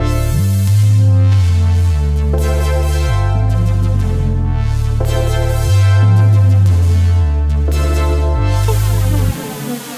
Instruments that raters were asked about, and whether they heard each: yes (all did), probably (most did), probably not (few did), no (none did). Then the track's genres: accordion: no
Pop; Folk; Indie-Rock